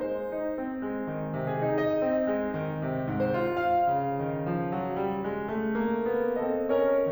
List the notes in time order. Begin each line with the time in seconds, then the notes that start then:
0.00 G#3 D#4
0.14 C5
0.31 D#4
0.59 C4
0.85 G#3
1.13 D#3
1.37 C3
1.45 G#4
1.67 D#4
1.81 D#5
1.95 C4
2.26 G#3
2.55 D#3
2.84 C3
3.09 G#2
3.25 C5
3.52 F4
3.80 F5
3.87 C#3
4.25 D#3
4.49 F3
4.74 F#3
4.98 G3
5.28 G#3
5.56 A3
5.85 A#3
6.08 B3
6.35 C4 A4 D#5
6.68 C#4 A#4 C#5